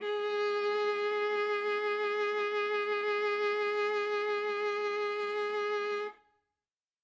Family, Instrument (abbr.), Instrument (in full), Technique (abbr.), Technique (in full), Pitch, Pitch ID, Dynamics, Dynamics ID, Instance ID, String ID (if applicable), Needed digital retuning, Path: Strings, Va, Viola, ord, ordinario, G#4, 68, ff, 4, 3, 4, TRUE, Strings/Viola/ordinario/Va-ord-G#4-ff-4c-T10u.wav